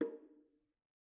<region> pitch_keycenter=60 lokey=60 hikey=60 volume=17.762512 offset=255 lovel=66 hivel=99 seq_position=1 seq_length=2 ampeg_attack=0.004000 ampeg_release=15.000000 sample=Membranophones/Struck Membranophones/Bongos/BongoH_Hit1_v2_rr1_Mid.wav